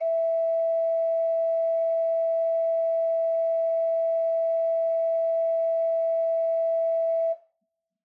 <region> pitch_keycenter=76 lokey=76 hikey=77 offset=35 ampeg_attack=0.004000 ampeg_release=0.300000 amp_veltrack=0 sample=Aerophones/Edge-blown Aerophones/Renaissance Organ/8'/RenOrgan_8foot_Room_E4_rr1.wav